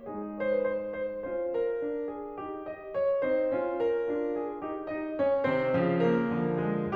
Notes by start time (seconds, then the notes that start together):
0.00 G#3 D#4 G#4
0.43 C#5
0.48 C5
0.53 B4
0.58 C5
0.92 C5
1.24 C#4 C5
1.53 A#4
1.81 D4
2.09 G#4
2.39 D#4 G4
2.68 D#5
2.96 C#5
3.25 C4 D#4 C5
3.53 C#4 F4
3.81 A#4
4.08 D4 F4
4.38 G#4
4.64 D#4 G4
4.89 D#4 D#5
5.18 C#4 C#5
5.45 C3 D#3 C4 C5
5.74 C#3 F3
5.99 A#3 A#4
6.30 D3 F3
6.65 G#3 G#4